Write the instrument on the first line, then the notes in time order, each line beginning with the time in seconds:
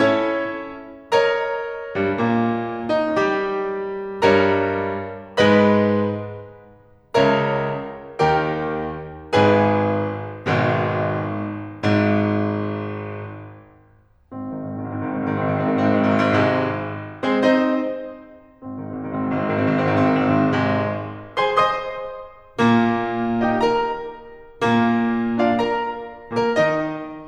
piano
0.00 C#4 E4 A4 C#5
1.17 A#4 C#5 D#5 A#5
1.96 G2 G3
2.16 A#2 A#3
2.98 D#3 D#4
3.17 G3 G4
4.23 G2 G3 A#4 C#5 D#5 A#5
5.36 G#2 G#3 B4 D#5 B5
7.12 C#2 C#3 A#4 C#5 E5 A#5
8.20 D#2 D#3 G4 A#4 C#5 G5
9.32 G#1 G#2 G#4 B4 G#5
10.48 G#1 G#2 B2 D#3 G#3
11.30 G#1 G#2
14.35 G#1 C4
14.56 G#2 D#3
14.76 G#1 C4
14.98 G#2 D#3
15.17 G#1 C4
15.30 G#2 D#3
15.42 G#1 C4
15.55 G#2 D#3
15.67 G#1 C4
15.75 G#2 D#3
15.85 G#1 C4
15.98 G#2 D#3
16.11 G#1 C4
16.32 G#2 D#3
16.42 G#1 C4
16.52 G#2 D#3
16.64 G#1 C3 G#3
17.19 G#3 C4 G#4 C5
17.43 C4 D#4 C5 D#5
18.62 G#1 C4
18.76 G#2 D#3
18.91 G#1 C4
18.99 G#2 D#3
19.27 G#1 C4
19.44 G#2 D#3
19.53 G#1 C4
19.64 G#2 D#3
19.73 G#1 C4
19.82 G#2 D#3
19.92 G#1 C4
20.14 G#2 D#3
20.24 G#1 C4
20.35 G#2 D#3
20.47 G#1 C4
20.56 G#2 D#3
20.67 G#1 C3 G#3
21.36 G#4 C5 G#5 C6
21.61 C5 D#5 C6 D#6
22.59 A#2 A#3
23.43 D#4 G4 D#5 G5
23.64 A#4 A#5
24.40 A#2 A#3
25.22 D4 F4 D5 F5
25.55 A#4 A#5
26.30 A#2 A#3 A#4
26.59 D#3 D#4 D#5